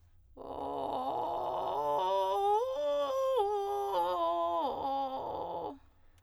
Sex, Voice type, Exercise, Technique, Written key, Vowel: female, soprano, arpeggios, vocal fry, , o